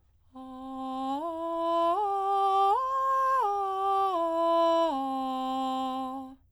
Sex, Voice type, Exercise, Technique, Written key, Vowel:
female, soprano, arpeggios, straight tone, , a